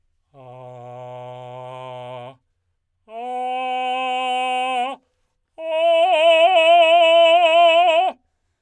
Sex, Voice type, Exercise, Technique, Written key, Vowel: male, tenor, long tones, straight tone, , a